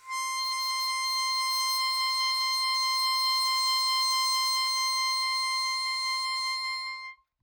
<region> pitch_keycenter=84 lokey=83 hikey=86 volume=16.506399 trigger=attack ampeg_attack=0.004000 ampeg_release=0.100000 sample=Aerophones/Free Aerophones/Harmonica-Hohner-Special20-F/Sustains/HandVib/Hohner-Special20-F_HandVib_C5.wav